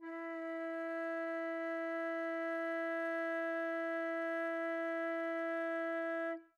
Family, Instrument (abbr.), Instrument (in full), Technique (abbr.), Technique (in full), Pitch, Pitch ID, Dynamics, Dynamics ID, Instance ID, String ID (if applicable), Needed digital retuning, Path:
Winds, Fl, Flute, ord, ordinario, E4, 64, mf, 2, 0, , FALSE, Winds/Flute/ordinario/Fl-ord-E4-mf-N-N.wav